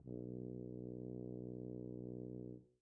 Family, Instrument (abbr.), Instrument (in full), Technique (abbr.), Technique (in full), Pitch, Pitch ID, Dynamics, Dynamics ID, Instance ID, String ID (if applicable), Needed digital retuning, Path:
Brass, BTb, Bass Tuba, ord, ordinario, B1, 35, pp, 0, 0, , FALSE, Brass/Bass_Tuba/ordinario/BTb-ord-B1-pp-N-N.wav